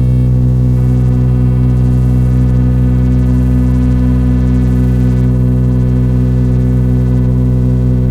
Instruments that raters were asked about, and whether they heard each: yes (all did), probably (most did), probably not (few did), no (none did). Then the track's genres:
trumpet: no
synthesizer: yes
saxophone: no
Electronic; Experimental; Minimal Electronic